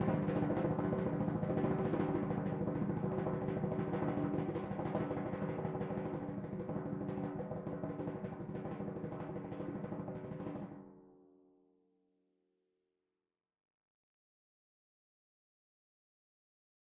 <region> pitch_keycenter=54 lokey=54 hikey=55 volume=21.406904 lovel=84 hivel=127 ampeg_attack=0.004000 ampeg_release=1.000000 sample=Membranophones/Struck Membranophones/Timpani 1/Roll/Timpani5_Roll_v4_rr1_Sum.wav